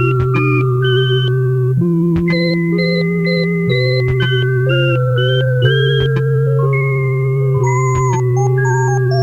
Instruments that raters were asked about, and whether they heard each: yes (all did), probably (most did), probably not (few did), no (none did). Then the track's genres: violin: no
synthesizer: yes
organ: yes
Experimental; Musique Concrete